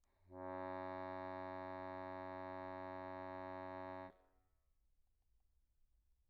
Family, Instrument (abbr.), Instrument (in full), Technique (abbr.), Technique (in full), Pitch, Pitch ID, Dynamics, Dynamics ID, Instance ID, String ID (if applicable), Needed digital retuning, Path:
Keyboards, Acc, Accordion, ord, ordinario, F#2, 42, pp, 0, 1, , FALSE, Keyboards/Accordion/ordinario/Acc-ord-F#2-pp-alt1-N.wav